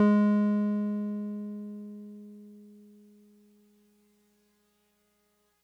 <region> pitch_keycenter=56 lokey=55 hikey=58 volume=7.853346 lovel=100 hivel=127 ampeg_attack=0.004000 ampeg_release=0.100000 sample=Electrophones/TX81Z/Piano 1/Piano 1_G#2_vl3.wav